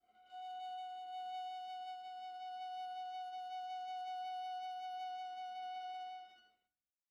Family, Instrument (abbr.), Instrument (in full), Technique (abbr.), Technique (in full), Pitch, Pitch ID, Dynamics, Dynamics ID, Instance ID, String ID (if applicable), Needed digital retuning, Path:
Strings, Va, Viola, ord, ordinario, F#5, 78, pp, 0, 0, 1, FALSE, Strings/Viola/ordinario/Va-ord-F#5-pp-1c-N.wav